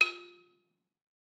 <region> pitch_keycenter=65 lokey=64 hikey=68 volume=6.824585 offset=192 lovel=100 hivel=127 ampeg_attack=0.004000 ampeg_release=30.000000 sample=Idiophones/Struck Idiophones/Balafon/Hard Mallet/EthnicXylo_hardM_F3_vl3_rr1_Mid.wav